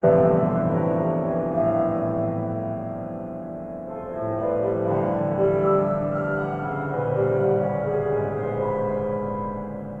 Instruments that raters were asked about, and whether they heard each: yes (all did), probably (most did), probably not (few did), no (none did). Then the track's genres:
banjo: no
cymbals: no
piano: yes
Avant-Garde; Jazz; Experimental